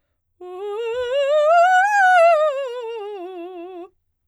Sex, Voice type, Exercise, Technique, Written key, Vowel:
female, soprano, scales, fast/articulated piano, F major, u